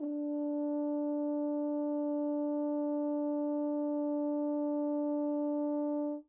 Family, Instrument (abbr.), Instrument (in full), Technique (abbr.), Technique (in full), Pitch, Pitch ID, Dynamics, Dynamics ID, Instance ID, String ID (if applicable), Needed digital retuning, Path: Brass, Hn, French Horn, ord, ordinario, D4, 62, mf, 2, 0, , FALSE, Brass/Horn/ordinario/Hn-ord-D4-mf-N-N.wav